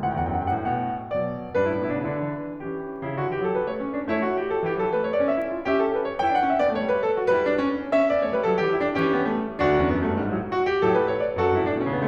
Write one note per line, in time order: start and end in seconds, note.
0.01 0.11 D2
0.01 0.52 A2
0.01 0.09 F#5
0.05 0.15 G5
0.11 0.26 E2
0.24 0.40 F#2
0.24 0.25 F#5
0.28 0.30 G5
0.37 0.52 G2
0.37 0.48 F#5
0.45 0.53 G5
0.53 0.63 A2
0.53 0.62 F#5
0.59 0.68 G5
0.64 0.78 B2
0.64 0.77 F#5
0.69 0.82 G5
0.78 0.90 F#5
0.84 0.96 G5
0.92 1.02 F#5
0.98 1.07 G5
1.04 1.57 B2
1.04 1.57 F#3
1.04 1.57 D5
1.57 1.70 G2
1.57 1.69 D4
1.57 2.57 B4
1.64 1.75 E4
1.71 1.81 A2
1.71 1.79 D4
1.76 1.85 E4
1.82 1.90 B2
1.82 1.89 D4
1.82 1.94 E4
1.91 2.01 C#3
1.91 2.00 D4
1.96 2.07 E4
2.04 2.13 D3
2.04 2.12 D4
2.08 2.19 E4
2.14 2.32 E3
2.14 2.30 D4
2.20 2.36 E4
2.33 2.41 D4
2.37 2.51 E4
2.43 2.56 D4
2.53 2.64 E4
2.59 3.08 E3
2.59 3.08 C#4
2.59 3.08 G4
3.08 3.18 C#3
3.08 3.18 E4
3.18 3.30 D3
3.18 3.30 F#4
3.30 3.45 E3
3.30 3.45 G4
3.45 3.57 F#3
3.45 3.57 A4
3.57 3.70 G3
3.57 3.70 B4
3.70 3.84 A3
3.70 3.84 C#5
3.84 3.99 C#4
3.99 4.15 D4
4.15 4.66 A3
4.15 4.30 E4
4.15 4.66 C#5
4.30 4.44 F#4
4.44 4.56 G4
4.56 4.66 A4
4.66 4.78 E3
4.66 4.78 G4
4.78 4.89 F#3
4.78 4.89 A4
4.89 5.01 G3
4.89 5.01 B4
5.01 5.13 A3
5.01 5.13 C#5
5.13 5.27 B3
5.13 5.27 D5
5.27 5.46 C#4
5.27 5.46 E5
5.47 5.57 E4
5.57 5.65 F#4
5.66 6.19 C#4
5.66 5.75 G4
5.66 6.19 E5
5.76 5.89 A4
5.90 6.00 B4
6.01 6.19 C#5
6.21 6.38 E4
6.21 6.38 G5
6.39 6.48 D4
6.39 6.48 F#5
6.48 6.59 C#4
6.48 6.59 E5
6.59 6.73 B3
6.59 6.73 D5
6.73 6.96 A3
6.73 6.96 C#5
6.96 7.06 G3
6.96 7.06 B4
7.08 7.22 G4
7.23 7.32 F#4
7.34 7.89 G3
7.34 7.45 E4
7.34 7.89 B4
7.45 7.58 D4
7.58 7.75 C#4
7.75 7.89 B3
7.89 8.02 C#4
7.89 8.02 E5
8.03 8.18 B3
8.03 8.18 D5
8.19 8.30 A3
8.19 8.30 C#5
8.30 8.42 G3
8.30 8.42 B4
8.42 8.55 F#3
8.42 8.55 A4
8.55 8.67 E3
8.55 8.67 G4
8.67 8.81 E4
8.81 8.92 D4
8.93 9.61 E3
8.93 9.08 C#4
8.93 9.61 G4
9.10 9.28 B3
9.28 9.49 A3
9.49 9.61 G3
9.61 9.83 D2
9.61 9.83 D4
9.61 10.20 F#4
9.84 9.94 E2
9.84 9.94 C#4
9.94 10.07 F#2
9.94 10.07 B3
10.07 10.20 G2
10.07 10.20 A3
10.21 10.33 G#2
10.21 10.33 G3
10.33 10.52 A2
10.33 10.52 F#3
10.54 10.66 F#4
10.66 10.80 G4
10.80 11.35 A2
10.80 11.35 F#3
10.80 10.93 A4
10.94 11.08 B4
11.08 11.22 C#5
11.22 11.35 D5
11.35 11.46 F#2
11.35 11.46 F#4
11.35 11.88 A4
11.46 11.57 G2
11.46 11.57 E4
11.58 11.70 A2
11.58 11.70 D4
11.70 11.88 B2
11.70 11.88 C#4
11.88 12.02 C#3
11.88 12.02 B3